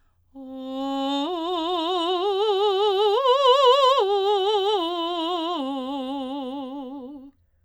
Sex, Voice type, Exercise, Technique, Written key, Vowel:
female, soprano, arpeggios, slow/legato forte, C major, o